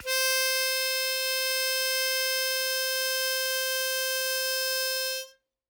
<region> pitch_keycenter=72 lokey=71 hikey=74 volume=6.354124 trigger=attack ampeg_attack=0.100000 ampeg_release=0.100000 sample=Aerophones/Free Aerophones/Harmonica-Hohner-Special20-F/Sustains/Accented/Hohner-Special20-F_Accented_C4.wav